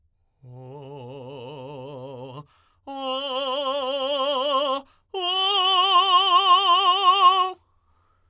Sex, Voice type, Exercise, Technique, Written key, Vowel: male, tenor, long tones, trill (upper semitone), , o